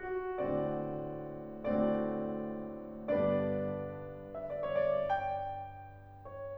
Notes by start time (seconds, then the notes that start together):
0.01 F#4
0.45 A2 D3 A3 C4 F#4 D5
1.88 A2 D3 A3 C4 F#4 D5
3.13 G2 D3 B3 D4 G4 B4 D5
4.34 E5
4.49 D5
4.65 C#5
4.80 D5
5.11 G5
6.28 C#5